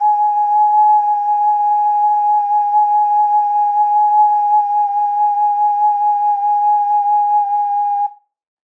<region> pitch_keycenter=80 lokey=80 hikey=80 tune=-5 volume=-3.957509 trigger=attack ampeg_attack=0.004000 ampeg_release=0.200000 sample=Aerophones/Edge-blown Aerophones/Ocarina, Typical/Sustains/SusVib/StdOcarina_SusVib_G#4.wav